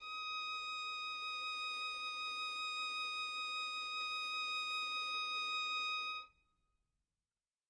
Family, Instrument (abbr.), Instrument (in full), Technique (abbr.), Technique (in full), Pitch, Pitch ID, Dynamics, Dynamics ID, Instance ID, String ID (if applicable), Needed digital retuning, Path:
Strings, Vn, Violin, ord, ordinario, D#6, 87, mf, 2, 1, 2, FALSE, Strings/Violin/ordinario/Vn-ord-D#6-mf-2c-N.wav